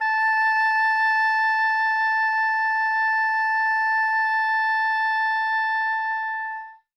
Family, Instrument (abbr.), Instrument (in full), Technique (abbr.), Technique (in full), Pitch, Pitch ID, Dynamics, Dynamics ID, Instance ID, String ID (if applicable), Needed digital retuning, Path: Winds, Ob, Oboe, ord, ordinario, A5, 81, ff, 4, 0, , TRUE, Winds/Oboe/ordinario/Ob-ord-A5-ff-N-T19u.wav